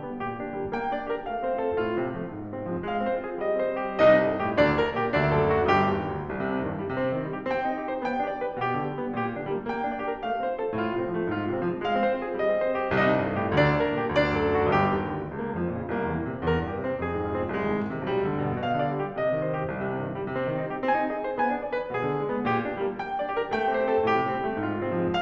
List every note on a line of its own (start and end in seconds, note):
0.00 0.21 G3
0.00 0.42 B3
0.21 0.42 A#2
0.21 0.56 G4
0.42 0.56 D3
0.42 0.77 D4
0.56 0.77 G3
0.56 0.92 A#3
0.77 0.92 A#3
0.77 1.08 G5
0.92 1.08 D4
0.92 1.24 D5
1.08 1.24 G4
1.08 1.43 A#4
1.24 1.43 A3
1.24 1.60 F5
1.44 1.60 C4
1.44 1.79 C5
1.60 1.79 F4
1.60 1.93 A4
1.79 1.93 A2
1.79 2.10 F4
1.93 2.10 C3
1.93 2.29 C4
2.11 2.29 F3
2.11 2.48 A3
2.29 2.48 G#2
2.29 2.67 F4
2.48 2.67 C3
2.48 2.87 C4
2.67 2.87 F3
2.67 3.02 G#3
2.87 3.02 G#3
2.87 3.24 F5
3.03 3.24 C4
3.03 3.40 C5
3.24 3.40 F4
3.24 3.61 G#4
3.40 3.61 G3
3.40 3.83 D#5
3.61 3.83 C4
3.61 4.03 C5
3.84 4.03 D#4
3.84 4.23 G4
4.03 4.41 C2
4.03 4.41 C3
4.03 4.41 D#4
4.03 4.41 D#5
4.23 4.57 G2
4.23 4.57 G#4
4.41 4.79 A2
4.41 4.79 G4
4.57 4.96 D2
4.57 4.96 D3
4.57 4.96 D4
4.57 4.96 D5
4.79 5.14 G2
4.79 5.14 A#4
4.96 5.34 A#2
4.96 5.34 G4
5.14 5.55 D2
5.14 5.55 D3
5.14 5.55 D4
5.14 5.55 D5
5.34 5.78 F#2
5.34 5.78 A4
5.56 5.98 A2
5.56 5.98 F#4
5.78 6.13 G1
5.78 6.13 G2
5.78 6.13 G4
5.98 6.13 D#2
6.13 6.32 D2
6.33 6.52 C2
6.43 6.77 C3
6.52 6.68 G2
6.59 6.94 D#3
6.68 6.86 A#2
6.78 7.14 G3
6.86 7.04 C3
6.94 7.36 C4
7.04 7.23 D#3
7.14 7.58 D#4
7.24 7.49 G3
7.36 7.77 G4
7.49 7.67 C4
7.58 7.93 G5
7.67 7.86 D#4
7.77 8.05 D#5
7.86 7.99 G4
7.93 8.27 C5
7.99 8.17 B3
8.05 8.50 G5
8.17 8.39 D4
8.27 8.66 D5
8.39 8.57 G4
8.51 8.82 B4
8.57 8.74 B2
8.66 8.99 G4
8.74 8.89 D3
8.82 9.18 D4
8.89 9.10 G3
8.99 9.39 B3
9.10 9.29 A#2
9.20 9.53 G4
9.29 9.45 D3
9.39 9.71 D4
9.45 9.62 G3
9.53 9.89 A#3
9.64 9.80 A#3
9.71 10.08 G5
9.80 9.98 D4
9.89 10.24 D5
9.98 10.14 G4
10.09 10.41 A#4
10.14 10.31 A3
10.24 10.59 F5
10.32 10.50 C4
10.41 10.82 C5
10.50 10.73 F4
10.59 11.01 A4
10.73 10.89 A2
10.83 11.17 F4
10.89 11.08 C3
11.01 11.35 C4
11.08 11.27 F3
11.17 11.53 A3
11.28 11.46 G#2
11.35 11.69 F4
11.46 11.61 C3
11.53 11.87 C4
11.61 11.77 F3
11.69 12.03 G#3
11.77 11.96 G#3
11.87 12.21 F5
11.97 12.11 C4
12.03 12.41 C5
12.11 12.32 F4
12.21 12.62 G#4
12.32 12.50 G3
12.42 12.81 D#5
12.50 12.72 C4
12.62 13.00 C5
12.72 12.90 D#4
12.81 13.19 G4
12.91 13.31 C2
12.91 13.31 C3
13.00 13.41 D#4
13.00 13.41 D#5
13.08 13.51 G2
13.20 13.63 G#4
13.31 13.70 A2
13.41 13.80 G4
13.51 13.92 D2
13.51 13.92 D3
13.63 14.01 D4
13.63 14.01 D5
13.71 14.08 G2
13.80 14.18 A#4
13.92 14.29 A#2
14.01 14.41 G4
14.08 14.49 D2
14.08 14.49 D3
14.19 14.61 D4
14.19 14.61 D5
14.29 14.71 F#2
14.41 14.76 A4
14.49 14.83 A2
14.61 14.92 F#4
14.71 14.83 G1
14.71 14.83 G2
14.71 15.01 G4
14.83 15.01 F2
15.01 15.21 E2
15.21 15.44 C#2
15.34 15.77 A#3
15.46 15.67 F2
15.56 15.92 F3
15.67 15.84 A#2
15.77 16.10 C#3
15.84 16.01 C2
15.92 16.31 A#3
16.01 16.22 E2
16.10 16.53 E3
16.23 16.40 A#2
16.31 16.73 C3
16.40 16.66 E2
16.53 16.90 A#4
16.66 16.81 G2
16.73 17.04 G4
16.81 16.99 C3
16.90 17.21 C4
16.99 17.14 F2
17.04 17.35 G#4
17.15 17.30 G#2
17.21 17.53 F4
17.30 17.44 C3
17.36 17.66 C4
17.44 17.60 C2
17.53 17.86 G#3
17.60 17.74 D#2
17.66 18.02 D#3
17.75 17.94 G#2
17.86 18.20 C3
17.94 18.11 B1
18.02 18.43 G3
18.11 18.31 D2
18.22 18.62 D3
18.31 18.53 G2
18.43 18.80 A#2
18.53 18.70 B2
18.62 18.98 F5
18.70 18.90 D3
18.80 19.19 D5
18.90 19.09 G3
18.99 19.41 G4
19.09 19.30 C3
19.19 19.59 D#5
19.30 19.49 D#3
19.41 19.83 C5
19.50 19.70 G3
19.59 19.99 G4
19.70 19.91 C2
19.83 20.14 C3
19.91 20.05 G2
19.99 20.33 D#3
20.05 20.21 A#2
20.14 20.51 G3
20.22 20.43 C3
20.33 20.67 C4
20.43 20.62 D#3
20.51 20.86 D#4
20.62 20.76 G3
20.68 21.00 G4
20.76 20.97 C4
20.86 21.22 G#5
20.97 21.10 D#4
20.97 21.41 D#5
21.11 21.32 G#4
21.22 21.62 C5
21.32 21.51 B3
21.41 21.80 G#5
21.51 21.71 D4
21.62 21.95 D5
21.71 21.87 G#4
21.80 22.13 B4
21.87 22.05 B2
21.95 22.28 G#4
22.05 22.22 D3
22.13 22.49 D4
22.22 22.35 G#3
22.29 22.66 B3
22.35 22.57 A#2
22.49 22.86 G4
22.57 22.77 D3
22.66 23.01 D4
22.77 22.92 G3
22.86 23.22 A#3
22.92 23.13 A#3
23.02 23.37 G5
23.13 23.29 D4
23.22 23.55 D5
23.29 23.44 G4
23.37 23.73 A#4
23.45 23.66 A3
23.55 23.90 G5
23.66 23.81 C4
23.73 24.13 C5
23.81 24.00 G4
23.92 24.29 A4
24.00 24.22 A2
24.13 24.44 G4
24.22 24.38 C3
24.29 24.59 C4
24.38 24.53 G3
24.44 24.79 A3
24.53 24.68 G#2
24.60 24.97 F4
24.68 24.87 C3
24.79 25.12 C4
24.87 25.04 F3
24.97 25.22 G#3
25.05 25.22 G#3
25.12 25.22 F5